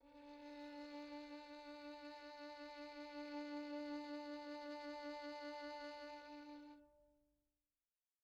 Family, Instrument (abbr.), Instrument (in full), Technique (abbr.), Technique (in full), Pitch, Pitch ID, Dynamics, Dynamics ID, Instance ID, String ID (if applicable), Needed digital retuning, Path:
Strings, Vn, Violin, ord, ordinario, D4, 62, pp, 0, 3, 4, FALSE, Strings/Violin/ordinario/Vn-ord-D4-pp-4c-N.wav